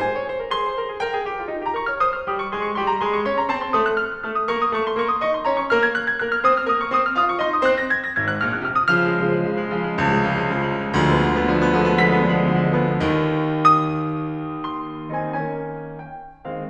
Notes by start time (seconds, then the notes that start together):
0.00 G#2 C5 G#5
0.14 C#5
0.26 C5
0.38 A#4
0.51 G#4 C6
0.64 C5
0.75 A#4
0.91 G#4
1.00 A#4 G5
1.11 G#4
1.31 G4
1.43 F4
1.52 D#4
1.65 G4 A#5
1.76 A#4 C#6
1.89 C#5 F6
2.01 C5 D#6
2.11 F6
2.25 G3 G4 D#6
2.37 C#6
2.50 G#3 G#4 C6
2.64 C#6
2.76 G3 G4 C6
2.88 A#5
3.01 G#3 G#4 C6
3.16 C#6
3.29 C#4 C#5 C6
3.40 A#5
3.51 C4 C5 A5
3.65 C6
3.75 A3 A4 D#6
3.84 F#6
3.98 F6
4.11 F#6
4.25 A3 A4 F6
4.38 D#6
4.53 A#3 A#4 C#6
4.67 D#6
4.77 A3 A4 C#6
4.90 C6
5.00 A#3 A#4 C#6
5.12 D#6
5.24 D#4 D#5 C#6
5.34 C6
5.45 C#4 C#5 A#5
5.56 C#6
5.67 A#3 A#4 F6
5.78 G#6
5.93 F#6
6.04 G#6
6.15 A#3 A#4 F#6
6.29 F6
6.44 C4 C5 D#6
6.55 F6
6.65 A#3 A#4 D#6
6.78 C#6
6.91 C4 C5 D#6
7.02 F6
7.15 F4 F5 D#6
7.29 C#6
7.42 D#4 D#5 C6
7.53 D#6
7.65 C4 C5 F#6
7.81 A#6
7.95 G#6
8.07 A#6
8.21 G#1 G#2 G#6
8.30 F#6
8.45 A#1 A#2 F6
8.59 F#6
8.71 C2 C3 F6
8.84 D#6
8.97 C#3 F3 F6
9.09 G#3
9.23 C#3 F3
9.39 G#3
9.51 C#3 F3
9.60 G#3
9.72 C#3 F3
9.85 G#3
9.97 C#2 C#3 F3
10.11 G#3
10.24 C#3 F3
10.34 G#3
10.47 C#3 F3
10.57 G#3
10.65 C#3 F3
10.79 G#3
10.90 D2 D3 F3 G#3
11.02 B3
11.16 D3 F3 G#3
11.26 B3
11.39 D3 F3 G#3
11.53 B3
11.66 D3 F3 G#3
11.80 B3
11.91 D3 F3 G#3 B6
12.03 B3
12.14 D3 F3 G#3
12.27 B3
12.42 D3 F3 G#3
12.55 B3
12.70 D3 F3 G#3
12.86 B3
13.03 D#2
13.61 D#6
14.63 C6
15.12 D#3 C4 D#4 G#5
15.38 D#3 A#3 C#4 G#5
16.06 G5
16.49 D#3 G#3 C4 F5